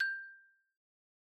<region> pitch_keycenter=79 lokey=76 hikey=81 volume=15.197086 lovel=0 hivel=83 ampeg_attack=0.004000 ampeg_release=15.000000 sample=Idiophones/Struck Idiophones/Xylophone/Medium Mallets/Xylo_Medium_G5_pp_01_far.wav